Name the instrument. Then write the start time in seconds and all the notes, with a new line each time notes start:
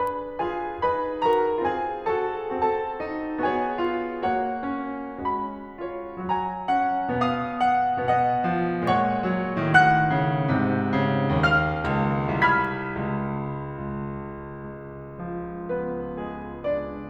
piano
0.00 D4 G#4 B4 B5
0.41 F4 G#4 G#5
0.81 D#4 G#4 B4 B5
1.25 F#4 A#4 A#5
1.68 C4 F4 G#4 G#5
2.15 F#4 A4 A5
2.62 C4 F#4 A4 A5
3.03 D#4
3.45 B3 F#4 G#4 C#5 G#5
3.89 F4
4.28 A#3 F#4 C#5 F#5
4.71 C#4
5.20 G#3 C#4 F#4 B5
5.80 F4 C#5
6.20 F#3 C#4 F#4 G#5 A#5
6.68 F#5
7.14 B2 B3 F5 D#6
7.72 F#5
8.10 B3 D#5 F#5
8.53 F3
8.90 A#2 G#3 C#5 F#5 C#6
9.29 F#3
9.75 A2 D#3 F#5 F#6
10.14 C#3
10.53 G#2 C3
10.97 C#3
11.40 D#2 F5 F6
11.92 C#2
12.46 C2 B5 F6 G#6 B6
13.01 C#2
13.96 C#2
14.68 G#3
15.22 F3
15.77 B3 B4
16.18 G#3 G#4
16.64 D4 D5